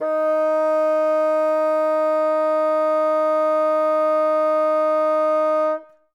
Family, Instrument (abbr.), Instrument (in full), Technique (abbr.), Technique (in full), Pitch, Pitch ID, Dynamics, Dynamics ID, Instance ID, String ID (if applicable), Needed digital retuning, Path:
Winds, Bn, Bassoon, ord, ordinario, D#4, 63, ff, 4, 0, , FALSE, Winds/Bassoon/ordinario/Bn-ord-D#4-ff-N-N.wav